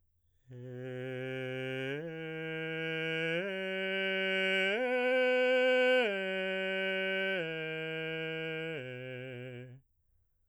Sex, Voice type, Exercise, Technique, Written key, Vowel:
male, baritone, arpeggios, straight tone, , e